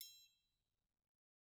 <region> pitch_keycenter=67 lokey=67 hikey=67 volume=30.842303 offset=177 lovel=0 hivel=83 seq_position=2 seq_length=2 ampeg_attack=0.004000 ampeg_release=30.000000 sample=Idiophones/Struck Idiophones/Triangles/Triangle3_HitM_v1_rr2_Mid.wav